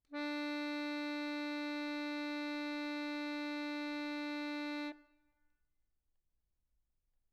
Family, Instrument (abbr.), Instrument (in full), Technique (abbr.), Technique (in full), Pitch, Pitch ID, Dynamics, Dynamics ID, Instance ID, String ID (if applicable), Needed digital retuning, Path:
Keyboards, Acc, Accordion, ord, ordinario, D4, 62, mf, 2, 0, , FALSE, Keyboards/Accordion/ordinario/Acc-ord-D4-mf-N-N.wav